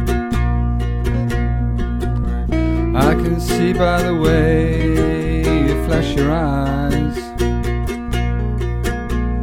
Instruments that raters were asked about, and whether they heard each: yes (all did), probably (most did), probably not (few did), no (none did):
piano: probably not
ukulele: yes
mandolin: yes